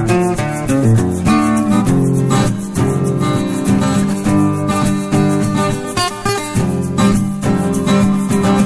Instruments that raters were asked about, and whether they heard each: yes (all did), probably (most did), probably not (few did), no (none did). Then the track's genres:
mandolin: probably not
Country; Folk